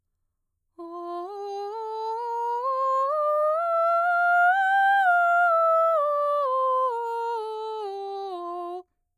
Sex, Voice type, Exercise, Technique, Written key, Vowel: female, mezzo-soprano, scales, slow/legato piano, F major, o